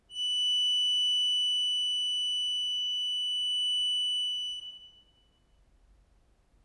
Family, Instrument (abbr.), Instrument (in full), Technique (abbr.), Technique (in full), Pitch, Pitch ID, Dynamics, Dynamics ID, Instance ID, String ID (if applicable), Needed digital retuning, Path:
Keyboards, Acc, Accordion, ord, ordinario, F#7, 102, ff, 4, 1, , FALSE, Keyboards/Accordion/ordinario/Acc-ord-F#7-ff-alt1-N.wav